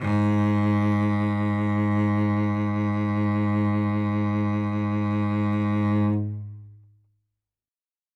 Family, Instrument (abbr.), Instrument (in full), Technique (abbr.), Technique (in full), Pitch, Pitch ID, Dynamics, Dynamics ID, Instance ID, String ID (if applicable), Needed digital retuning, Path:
Strings, Vc, Cello, ord, ordinario, G#2, 44, ff, 4, 3, 4, TRUE, Strings/Violoncello/ordinario/Vc-ord-G#2-ff-4c-T12u.wav